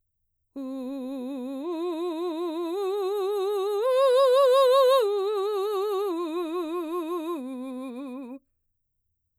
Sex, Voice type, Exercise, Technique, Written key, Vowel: female, mezzo-soprano, arpeggios, vibrato, , u